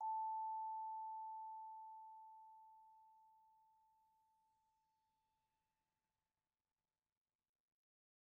<region> pitch_keycenter=81 lokey=80 hikey=82 volume=29.510803 lovel=0 hivel=83 ampeg_attack=0.004000 ampeg_release=15.000000 sample=Idiophones/Struck Idiophones/Vibraphone/Soft Mallets/Vibes_soft_A4_v1_rr1_Main.wav